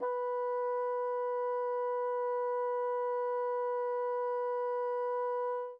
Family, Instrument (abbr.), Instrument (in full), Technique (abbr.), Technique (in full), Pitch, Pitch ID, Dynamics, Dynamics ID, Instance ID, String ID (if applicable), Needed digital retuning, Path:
Winds, Bn, Bassoon, ord, ordinario, B4, 71, mf, 2, 0, , FALSE, Winds/Bassoon/ordinario/Bn-ord-B4-mf-N-N.wav